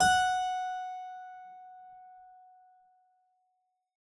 <region> pitch_keycenter=78 lokey=78 hikey=79 volume=-0.542239 trigger=attack ampeg_attack=0.004000 ampeg_release=0.350000 amp_veltrack=0 sample=Chordophones/Zithers/Harpsichord, English/Sustains/Normal/ZuckermannKitHarpsi_Normal_Sus_F#4_rr1.wav